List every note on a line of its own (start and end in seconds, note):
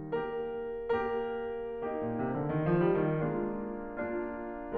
0.17 0.93 A#3
0.17 0.93 G4
0.17 0.93 A#4
0.95 1.76 A#3
0.95 1.76 G4
0.95 1.76 A#4
1.76 3.23 A#3
1.76 3.23 D#4
1.76 3.23 G4
1.92 2.13 A#2
2.14 2.33 C3
2.34 2.48 D3
2.49 2.65 D#3
2.66 2.84 F3
2.84 3.05 G3
3.05 3.23 D#3
3.24 3.58 G#3
3.24 3.95 A#3
3.24 3.95 D4
3.24 3.95 F4
3.96 4.77 A#3
3.96 4.77 D4
3.96 4.77 F4